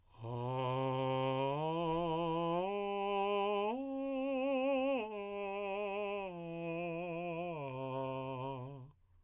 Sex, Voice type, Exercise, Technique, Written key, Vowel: male, tenor, arpeggios, slow/legato piano, C major, a